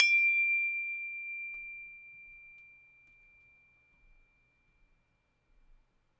<region> pitch_keycenter=86 lokey=86 hikey=87 volume=1.057422 lovel=100 hivel=127 ampeg_attack=0.004000 ampeg_release=30.000000 sample=Idiophones/Struck Idiophones/Tubular Glockenspiel/D1_loud1.wav